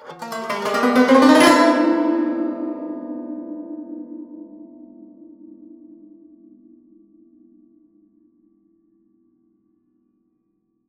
<region> pitch_keycenter=61 lokey=61 hikey=61 volume=2.000000 offset=1888 ampeg_attack=0.004000 ampeg_release=0.300000 sample=Chordophones/Zithers/Dan Tranh/FX/FX_03.wav